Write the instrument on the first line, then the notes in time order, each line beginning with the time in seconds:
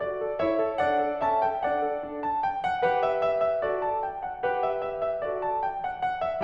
piano
0.00 F#4 D5
0.20 A4
0.38 E4 C#5 E5
0.58 A4
0.78 D4 D5 F#5
0.99 A4
1.23 C#4 E5 A5
1.43 A4 G5
1.64 D4 D5 F#5
1.79 A4
2.01 D4
2.23 A5
2.41 G5
2.59 F#5
2.87 G4 B4 F#5
3.07 E5
3.29 E5
3.47 E5
3.63 F#4 A4 D5
3.82 A5
4.01 G5
4.21 F#5
4.46 G4 B4 F#5
4.66 E5
4.88 E5
5.06 E5
5.25 F#4 A4 D5
5.49 A5
5.67 G5
5.87 F#5
6.08 F#5
6.23 E5